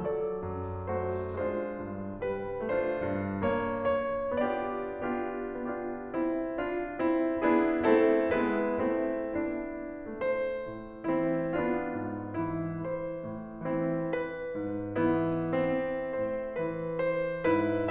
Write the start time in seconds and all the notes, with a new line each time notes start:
0.01 F#3 A4 D5
0.44 F#2
0.88 A3 F#4 C5
1.35 G#3 D4 F4 C5
1.81 G2
2.19 G3 B4
2.68 A3 D4 F4 C5
3.07 G2
3.54 B3 C#5
4.00 C#5
4.49 B3 D4 F4 G4 D5
4.99 B3 D4 F4 G4
5.50 D4 F4 G4
6.04 C4 E4
6.58 D4 F4
7.00 C4 E4 G4
7.42 B3 D4 E4 G#4
7.88 A3 C4 E4 A4
8.36 G#3 B3 E4 B4
8.89 A3 C4 E4
9.49 B3 D4 E4
10.06 A3 C5
10.58 A2
11.06 E3 C4 E4
11.55 B3 D4 F4
11.98 G#2
12.38 E3 E4
12.86 C5
13.24 A2
13.64 E3 C4 E4
14.05 B4
14.55 G#2
14.99 E3 B3 E4
15.52 C4
16.18 A2 C5
16.64 E3 B4
17.06 C5
17.47 G#2 E4 B4